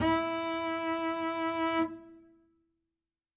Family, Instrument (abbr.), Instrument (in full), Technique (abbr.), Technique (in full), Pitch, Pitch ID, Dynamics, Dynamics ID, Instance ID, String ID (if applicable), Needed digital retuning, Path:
Strings, Cb, Contrabass, ord, ordinario, E4, 64, ff, 4, 0, 1, FALSE, Strings/Contrabass/ordinario/Cb-ord-E4-ff-1c-N.wav